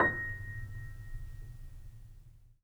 <region> pitch_keycenter=94 lokey=94 hikey=95 volume=2.590982 lovel=0 hivel=65 locc64=0 hicc64=64 ampeg_attack=0.004000 ampeg_release=0.400000 sample=Chordophones/Zithers/Grand Piano, Steinway B/NoSus/Piano_NoSus_Close_A#6_vl2_rr1.wav